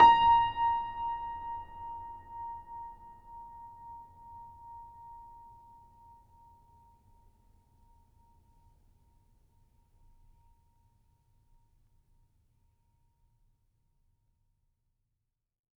<region> pitch_keycenter=82 lokey=82 hikey=83 volume=0.599064 lovel=0 hivel=65 locc64=65 hicc64=127 ampeg_attack=0.004000 ampeg_release=0.400000 sample=Chordophones/Zithers/Grand Piano, Steinway B/Sus/Piano_Sus_Close_A#5_vl2_rr1.wav